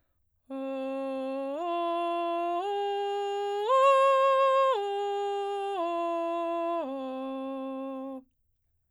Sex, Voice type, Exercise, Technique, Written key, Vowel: female, soprano, arpeggios, straight tone, , o